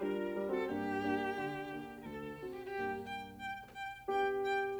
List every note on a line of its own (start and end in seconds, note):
0.01 0.35 G3
0.01 0.52 D4
0.01 0.52 F4
0.01 0.53 A#4
0.35 0.69 G3
0.53 0.69 C4
0.53 0.69 F#4
0.53 0.69 A4
0.70 1.35 G2
0.70 1.03 A#3
0.70 1.03 D4
0.70 1.03 G4
0.70 1.94 G4
1.04 1.35 A#3
1.04 1.35 D4
1.35 2.03 D3
1.69 2.03 A#3
1.69 2.03 D4
1.96 2.03 A#4
2.03 2.78 D2
2.03 2.59 A4
2.40 2.78 C4
2.40 2.78 D4
2.40 2.78 F#4
2.59 2.78 G4
2.79 3.35 G2
2.79 3.35 A#3
2.79 3.35 D4
2.79 2.90 G4
2.79 3.35 G4
2.97 3.23 G5
3.35 3.64 G5
3.73 3.99 G5
4.09 4.80 B3
4.09 4.80 D4
4.09 4.80 G4
4.09 4.34 G5
4.43 4.71 G5